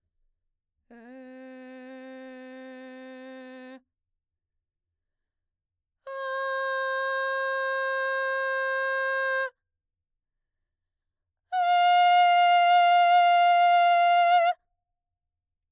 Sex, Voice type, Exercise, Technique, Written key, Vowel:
female, mezzo-soprano, long tones, straight tone, , e